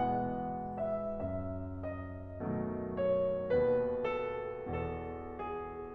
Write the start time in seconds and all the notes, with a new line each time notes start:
0.01 B2 E3 G#3 B3 F#5
0.81 E5
1.17 F#2 E5
1.81 D#5
2.40 B2 D#3 F#3 A3
3.00 C#5
3.53 D#2 B2 B4
4.06 A4
4.64 E2 B2 A4
5.36 G#4